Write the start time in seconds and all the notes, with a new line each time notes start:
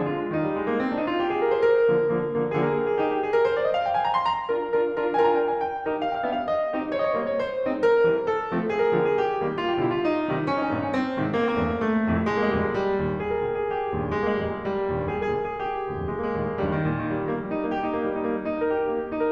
0.00 F3 D4
0.10 D3 F4
0.23 G#3
0.34 D#3 D#4
0.45 G3
0.57 G#3
0.68 A#3
0.82 C4
0.94 D4
1.02 D#4
1.13 F4
1.23 G4
1.32 G#4
1.40 A#4
1.52 C5
1.65 A#4
1.95 D3 F3 A#3
2.18 D3 F3 A#3
2.45 D3 F3 A#3
2.62 D3 F3 A#3 G#4
2.69 A#4
2.75 G#4 A#4
2.81 D3 F3 A#3 G#4 A#4
2.89 G4
2.96 D#4 G4 G#4
3.10 G4
3.24 G#4
3.34 A#4
3.47 C5
3.58 D5
3.69 D#5
3.81 F5
3.91 G5
4.01 G#5
4.10 A#5
4.19 C6
4.30 A#5
4.52 D4 F4 A#4
4.76 D4 F4 A#4
5.00 D4 F4 A#4
5.18 D4 F4 A#4 G#5
5.22 A#5
5.27 G#5
5.33 A#5
5.38 D4 F4 A#4 G#5
5.43 A#5
5.48 G5
5.55 G#5
5.61 G5
5.84 D#4 G4
6.11 F5
6.15 G5
6.22 F5
6.27 G5
6.34 B3 D4 G4 F5
6.41 G5
6.46 E5
6.51 F5
6.57 D#5
6.76 C4 D#4 G4
6.94 C#5
7.01 D#5
7.07 C#5
7.12 D#5
7.17 G3 A#3 D#4 C#5
7.23 D#5
7.28 C5
7.33 C5 C#5
7.63 G#3 C4 D#4
7.80 A#4
7.85 C5
7.92 A#4
7.99 C5
8.05 E3 G3 C4 A#4 C5
8.15 A4
8.21 A4 A#4
8.53 F3 A3 C4
8.72 G#4
8.78 A#4
8.82 G#4
8.88 A#4
8.94 D3 F3 A#3 G#4
9.00 A#4
9.06 G4
9.11 G#4
9.20 G4
9.43 D#3 G3 A#3
9.62 F4
9.68 F4 G4
9.78 G4
9.82 B2 D3 G3 F4
9.88 G4
9.94 D#4
10.00 D#4 F4
10.25 C3 D#3 G3
10.46 C#4
10.51 D#4
10.57 C#4
10.62 D#4
10.67 G2 A#2 D#3 C#4
10.73 D#4
10.77 C4
10.84 C#4
10.90 C4
11.13 G#2 C3 D#3
11.40 A#3
11.45 C4
11.51 A#3
11.55 C4
11.61 E2 G2 C3 A#3
11.67 A3 C4
11.76 A#3
11.81 G#3
12.05 F2 A2 C3
12.26 G#3
12.33 A#3
12.39 G#3
12.45 A#3
12.50 D2 F2 A#2 G#3
12.56 A#3
12.62 G3
12.69 G#3
12.76 G3
12.97 D#2 G2 A#2
13.21 G#4
13.27 A#4
13.32 G#4
13.36 A#4
13.43 D2 F2 A#2 G#4
13.48 A#4
13.55 G4
13.63 G#4
13.68 G4
13.92 D#2 G2 A#2
14.11 G#3
14.16 A#3
14.22 G#3
14.28 A#3
14.35 D2 F2 A#2 G#3
14.40 A#3
14.44 G3
14.50 G#3
14.56 G3
14.87 D#2 G2 A#2
15.12 G#4
15.17 A#4
15.22 G#4
15.28 A#4
15.33 D2 F2 A#2 G#4
15.38 A#4
15.46 G4
15.51 G#4
15.65 G4
15.86 D#2 G2 A#2
16.14 G#3
16.18 A#3
16.27 G#3
16.31 A#3
16.36 D2 F2 A#2 G#3
16.42 A#3
16.46 G3
16.52 G#3
16.59 D#2 G2 A#2 G3
16.70 D#3
16.88 A#2
16.99 D#3
17.11 G3
17.23 D#3
17.32 A#3
17.41 G3
17.52 D#4
17.65 A#3
17.75 G4
17.86 D#4
17.97 A#3
18.10 G3
18.20 D#4
18.30 A#3
18.37 G4
18.48 D#4
18.59 A#4
18.72 G4
18.81 D#4
18.90 A#3
19.02 G4
19.12 D#4
19.23 A#4